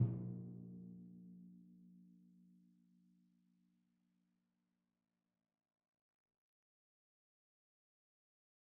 <region> pitch_keycenter=46 lokey=45 hikey=47 tune=-65 volume=25.481604 lovel=0 hivel=65 seq_position=1 seq_length=2 ampeg_attack=0.004000 ampeg_release=30.000000 sample=Membranophones/Struck Membranophones/Timpani 1/Hit/Timpani2_Hit_v2_rr1_Sum.wav